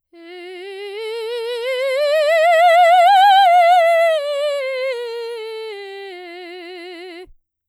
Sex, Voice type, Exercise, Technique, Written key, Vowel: female, soprano, scales, slow/legato forte, F major, e